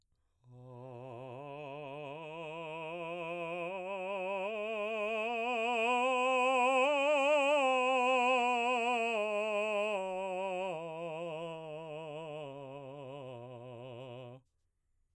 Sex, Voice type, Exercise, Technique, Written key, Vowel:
male, baritone, scales, slow/legato piano, C major, a